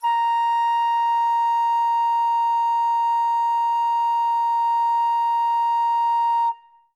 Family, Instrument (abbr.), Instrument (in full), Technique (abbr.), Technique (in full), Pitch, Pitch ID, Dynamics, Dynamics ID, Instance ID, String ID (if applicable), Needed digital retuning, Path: Winds, Fl, Flute, ord, ordinario, A#5, 82, ff, 4, 0, , TRUE, Winds/Flute/ordinario/Fl-ord-A#5-ff-N-T21d.wav